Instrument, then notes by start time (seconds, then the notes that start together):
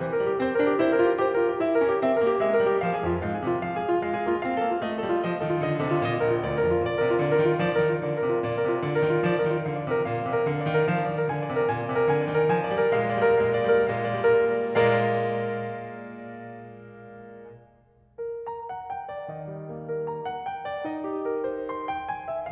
piano
0.01 E3 C5
0.15 A#4
0.21 G3
0.31 G4
0.41 C4 C5
0.53 A#4
0.59 D4
0.64 G4
0.76 E4 C5
0.91 A#4
0.97 F4
1.02 G4
1.20 G4 C5
1.35 A#4
1.42 F4
1.49 G4
1.63 E4 E5
1.77 B4
1.84 C#4
1.90 G4
2.00 C4 E5
2.11 B4
2.20 A#3 G4
2.37 G#3 E5
2.53 B4
2.58 G3
2.65 G4
2.79 F3 F5
2.89 G#4
2.94 F2
3.02 F4
3.18 G#2 F5
3.30 G#4
3.38 C3
3.44 F4
3.57 F3 F5
3.73 G#4
3.79 G3
3.85 F4
4.01 G#3 F5
4.19 G#4
4.27 A#3
4.32 F4
4.45 C4 F5
4.58 A4
4.66 A#3
4.73 F4
4.84 A3 D#5
5.00 A4
5.06 G3
5.10 F4
5.27 F3 D#5
5.38 A4
5.43 D#3
5.49 F4
5.64 D3 D#5
5.74 A4
5.80 C3
5.92 F4
6.03 A#2 D#5
6.15 A#4
6.19 A#1
6.30 F4
6.40 D2 D5
6.60 A#4
6.67 F2
6.72 F4
6.84 A#2 D5
6.97 A#4
7.03 C3
7.12 F4
7.24 D3 D5
7.33 A#4
7.39 D#3
7.47 F4
7.61 F3 D5
7.76 A#4
7.82 D#3
7.88 F4
8.03 D3 D5
8.20 A#4
8.25 C3
8.34 F4
8.46 A#2 D5
8.60 A#4
8.66 C3
8.71 F4
8.82 D3 D5
8.99 A#4
9.06 D#3
9.13 F4
9.27 F3 D5
9.40 A#4
9.46 D#3
9.50 F4
9.65 D3 F5
9.77 D5
9.85 C3
9.93 A#4
10.06 A#2 F5
10.22 D5
10.29 C3
10.36 A#4
10.45 D3 F5
10.59 D5
10.65 D#3
10.70 A#4
10.88 F3 F5
11.02 D5
11.09 D#3
11.17 A#4
11.34 D3 G#5
11.45 D5
11.51 C3
11.59 A#4
11.70 A#2 G#5
11.81 D5
11.87 C3
11.94 A#4
12.08 D3 G#5
12.27 D5
12.31 D#3
12.39 A#4
12.58 F3 G#5
12.68 D5
12.77 G3
12.87 A#4
12.99 A#2 G#3 F5
13.08 D5
13.17 G3
13.25 A#4
13.40 A#2 G#3 F5
13.57 D5
13.61 G3
13.69 A#4
13.88 A#2 G#3 F5
14.04 D5
14.12 G3
14.23 A#4
14.54 A#2 G#3 A#4 D5 F5
18.21 A#4
18.50 A#5
18.71 F#5
18.92 G5
19.12 D5
19.30 D#3 D#5
19.48 G3
19.74 A#3
19.92 A#4
20.10 A#5
20.30 F#5
20.45 G5
20.66 D5
20.83 D#4 D#5
21.05 G4
21.23 A#4
21.47 C5
21.67 C6
21.89 G5
22.08 G#5
22.29 E5